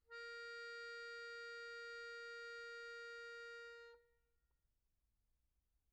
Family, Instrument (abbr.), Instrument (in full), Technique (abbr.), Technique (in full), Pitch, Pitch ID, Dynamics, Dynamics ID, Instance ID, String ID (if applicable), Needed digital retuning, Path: Keyboards, Acc, Accordion, ord, ordinario, A#4, 70, pp, 0, 1, , FALSE, Keyboards/Accordion/ordinario/Acc-ord-A#4-pp-alt1-N.wav